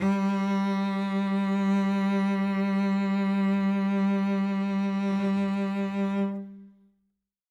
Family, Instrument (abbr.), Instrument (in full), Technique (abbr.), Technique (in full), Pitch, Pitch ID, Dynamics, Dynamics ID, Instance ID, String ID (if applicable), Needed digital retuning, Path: Strings, Vc, Cello, ord, ordinario, G3, 55, ff, 4, 2, 3, FALSE, Strings/Violoncello/ordinario/Vc-ord-G3-ff-3c-N.wav